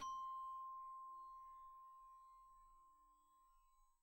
<region> pitch_keycenter=72 lokey=70 hikey=75 volume=23.508524 xfout_lovel=0 xfout_hivel=83 ampeg_attack=0.004000 ampeg_release=15.000000 sample=Idiophones/Struck Idiophones/Glockenspiel/glock_soft_C5_02.wav